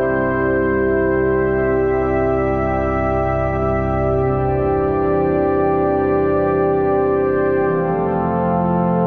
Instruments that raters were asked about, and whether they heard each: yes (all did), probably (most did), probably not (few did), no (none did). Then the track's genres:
drums: no
organ: yes
trumpet: no
trombone: probably not
Soundtrack; Ambient Electronic; Ambient; Minimalism